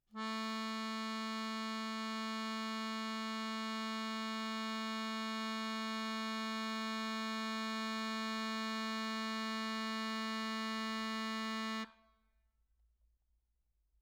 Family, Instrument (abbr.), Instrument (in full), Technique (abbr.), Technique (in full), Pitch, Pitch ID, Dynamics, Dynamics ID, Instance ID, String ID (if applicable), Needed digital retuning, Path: Keyboards, Acc, Accordion, ord, ordinario, A3, 57, mf, 2, 1, , FALSE, Keyboards/Accordion/ordinario/Acc-ord-A3-mf-alt1-N.wav